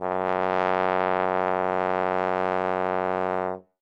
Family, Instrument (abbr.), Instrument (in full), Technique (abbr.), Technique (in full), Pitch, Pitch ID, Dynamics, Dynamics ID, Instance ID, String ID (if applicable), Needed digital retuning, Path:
Brass, Tbn, Trombone, ord, ordinario, F#2, 42, ff, 4, 0, , TRUE, Brass/Trombone/ordinario/Tbn-ord-F#2-ff-N-T24d.wav